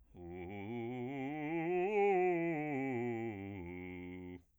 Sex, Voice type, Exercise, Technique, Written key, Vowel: male, bass, scales, fast/articulated piano, F major, u